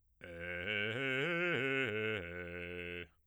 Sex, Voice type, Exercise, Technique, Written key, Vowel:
male, bass, arpeggios, fast/articulated piano, F major, e